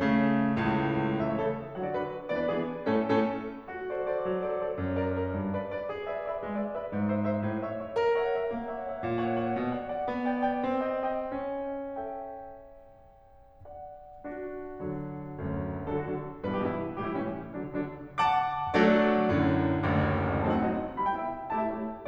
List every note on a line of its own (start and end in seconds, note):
0.00 0.60 C#3
0.00 0.60 A3
0.60 1.21 C#2
0.60 1.21 A2
1.22 1.42 C#3
1.22 1.42 E3
1.22 1.42 A3
1.22 1.42 E4
1.22 1.32 E5
1.32 1.42 C#5
1.42 1.63 C#3
1.42 1.63 E3
1.42 1.63 A3
1.42 1.63 E4
1.42 1.63 A4
1.80 1.96 D3
1.80 1.96 F#3
1.80 1.96 B3
1.80 1.96 F#4
1.80 1.90 F#5
1.90 1.96 D5
1.97 2.12 D3
1.97 2.12 F#3
1.97 2.12 B3
1.97 2.12 F#4
1.97 2.12 B4
2.33 2.50 E3
2.33 2.50 B3
2.33 2.50 D4
2.33 2.39 D5
2.40 2.50 B4
2.50 2.67 E3
2.50 2.67 B3
2.50 2.67 D4
2.50 2.67 G#4
2.96 3.19 A2
2.96 3.19 A3
2.96 3.19 C#4
2.96 3.19 A4
3.19 3.46 A2
3.19 3.46 A3
3.19 3.46 C#4
3.19 3.46 A4
3.70 4.30 F#4
3.91 4.12 A4
3.91 4.12 C5
3.91 4.12 D5
4.12 4.30 A4
4.12 4.30 C5
4.12 4.30 D5
4.30 4.81 F#3
4.45 4.64 A4
4.45 4.64 C5
4.45 4.64 D5
4.64 4.81 A4
4.64 4.81 C5
4.64 4.81 D5
4.82 5.34 F#2
4.97 5.15 A#4
4.97 5.15 D5
5.15 5.34 A#4
5.15 5.34 D5
5.34 5.92 G2
5.54 5.74 B4
5.54 5.74 D5
5.74 5.92 B4
5.74 5.92 D5
5.92 6.36 G#4
6.05 6.19 B4
6.05 6.19 D5
6.05 6.19 E5
6.19 6.36 B4
6.19 6.36 D5
6.19 6.36 E5
6.36 6.92 G#3
6.55 6.71 B4
6.55 6.71 D5
6.55 6.71 E5
6.71 6.92 B4
6.71 6.92 D5
6.71 6.92 E5
6.92 7.52 G#2
7.16 7.35 C5
7.16 7.35 E5
7.35 7.52 C5
7.35 7.52 E5
7.52 7.96 A2
7.72 7.81 C#5
7.72 7.81 E5
7.81 7.96 C#5
7.81 7.96 E5
7.96 8.48 A#4
8.17 8.31 C#5
8.17 8.31 E5
8.17 8.31 F#5
8.31 8.48 C#5
8.31 8.48 E5
8.31 8.48 F#5
8.48 9.03 A#3
8.68 8.85 C#5
8.68 8.85 E5
8.68 8.85 F#5
8.85 9.03 C#5
8.85 9.03 E5
8.85 9.03 F#5
9.03 9.60 A#2
9.24 9.44 C#5
9.24 9.44 F#5
9.45 9.60 C#5
9.45 9.60 F#5
9.60 10.08 B2
9.75 9.90 D5
9.75 9.90 F#5
9.90 10.08 D5
9.90 10.08 F#5
10.08 10.65 B3
10.30 10.48 D5
10.30 10.48 G5
10.48 10.65 D5
10.48 10.65 G5
10.65 11.45 C4
10.94 11.20 D#5
10.94 11.20 G5
11.20 11.45 D#5
11.20 11.45 G5
11.45 13.62 C#4
11.73 13.62 A4
11.73 13.62 E5
11.73 13.62 G5
13.62 14.26 D5
13.62 14.26 F#5
14.27 14.83 D4
14.27 14.83 F#4
14.83 15.35 D3
14.83 15.35 F#3
15.35 15.87 D2
15.35 15.87 F#2
15.88 16.07 D3
15.88 16.07 F#3
15.88 16.00 A4
16.00 16.07 F#4
16.07 16.28 D3
16.07 16.28 F#3
16.07 16.28 D4
16.46 16.66 G2
16.46 16.66 B2
16.46 16.66 E3
16.46 16.57 B4
16.57 16.66 G4
16.67 16.83 G2
16.67 16.83 B2
16.67 16.83 E3
16.67 16.83 E4
17.01 17.21 A2
17.01 17.21 E3
17.01 17.21 G3
17.01 17.10 G4
17.11 17.21 E4
17.21 17.37 A2
17.21 17.37 E3
17.21 17.37 G3
17.21 17.37 C#4
17.55 17.72 D3
17.55 17.72 F#3
17.55 17.72 D4
17.72 17.98 D3
17.72 17.98 F#3
17.72 17.98 D4
18.19 18.76 F#5
18.19 18.76 A5
18.19 18.76 D6
18.76 19.31 F#3
18.76 19.31 A3
18.76 19.31 D4
18.76 19.31 F#4
18.76 19.31 A4
18.76 19.31 D5
19.31 19.85 F#2
19.31 19.85 A2
19.31 19.85 D3
19.85 20.45 F#1
19.85 20.45 A1
19.85 20.45 D2
20.45 20.58 F#3
20.45 20.58 A3
20.45 20.58 C4
20.45 20.58 D#4
20.45 20.53 A5
20.53 20.58 F#5
20.58 20.78 F#3
20.58 20.78 A3
20.58 20.78 C4
20.58 20.78 D#4
20.58 20.78 D#5
20.99 21.16 G3
20.99 21.16 B3
20.99 21.16 E4
20.99 21.08 B5
21.08 21.16 G5
21.16 21.32 G3
21.16 21.32 B3
21.16 21.32 E4
21.16 21.32 E5
21.51 21.69 A3
21.51 21.69 E4
21.51 21.69 G4
21.51 21.59 A5
21.59 21.69 E5
21.69 21.88 A3
21.69 21.88 E4
21.69 21.88 G4
21.69 21.88 C#5